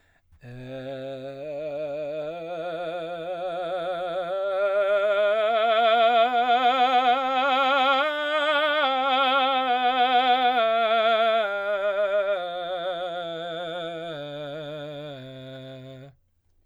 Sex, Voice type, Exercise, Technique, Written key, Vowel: male, baritone, scales, vibrato, , e